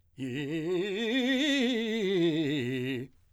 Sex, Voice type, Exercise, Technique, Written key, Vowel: male, , scales, fast/articulated forte, C major, i